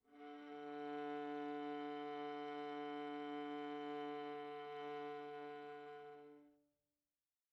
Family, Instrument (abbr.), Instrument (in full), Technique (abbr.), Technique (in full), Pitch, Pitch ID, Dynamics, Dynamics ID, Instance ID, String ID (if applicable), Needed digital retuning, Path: Strings, Va, Viola, ord, ordinario, D3, 50, pp, 0, 3, 4, FALSE, Strings/Viola/ordinario/Va-ord-D3-pp-4c-N.wav